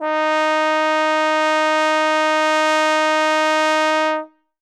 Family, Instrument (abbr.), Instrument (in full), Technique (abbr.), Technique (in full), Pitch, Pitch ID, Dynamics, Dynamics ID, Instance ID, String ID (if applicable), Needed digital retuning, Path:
Brass, Tbn, Trombone, ord, ordinario, D#4, 63, ff, 4, 0, , FALSE, Brass/Trombone/ordinario/Tbn-ord-D#4-ff-N-N.wav